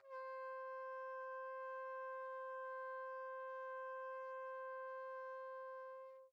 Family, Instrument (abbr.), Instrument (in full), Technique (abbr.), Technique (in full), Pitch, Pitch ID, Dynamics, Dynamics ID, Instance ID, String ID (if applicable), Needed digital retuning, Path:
Brass, TpC, Trumpet in C, ord, ordinario, C5, 72, pp, 0, 0, , TRUE, Brass/Trumpet_C/ordinario/TpC-ord-C5-pp-N-T11d.wav